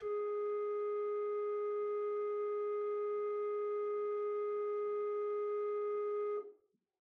<region> pitch_keycenter=56 lokey=56 hikey=57 ampeg_attack=0.004000 ampeg_release=0.300000 amp_veltrack=0 sample=Aerophones/Edge-blown Aerophones/Renaissance Organ/4'/RenOrgan_4foot_Room_G#2_rr1.wav